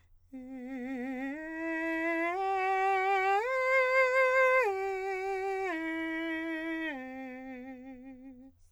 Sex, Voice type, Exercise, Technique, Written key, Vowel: male, countertenor, arpeggios, vibrato, , e